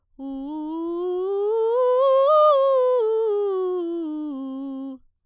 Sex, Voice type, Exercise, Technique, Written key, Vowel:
female, soprano, scales, straight tone, , u